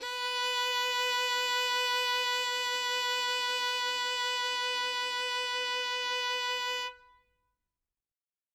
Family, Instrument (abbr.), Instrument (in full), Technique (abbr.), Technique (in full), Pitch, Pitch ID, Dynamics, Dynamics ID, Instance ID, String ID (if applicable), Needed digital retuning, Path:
Strings, Vn, Violin, ord, ordinario, B4, 71, ff, 4, 1, 2, TRUE, Strings/Violin/ordinario/Vn-ord-B4-ff-2c-T10u.wav